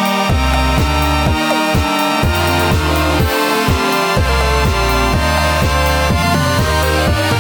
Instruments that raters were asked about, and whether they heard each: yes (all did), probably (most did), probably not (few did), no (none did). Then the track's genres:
trombone: no
accordion: no
trumpet: probably not
Electronic; House; Trip-Hop; Downtempo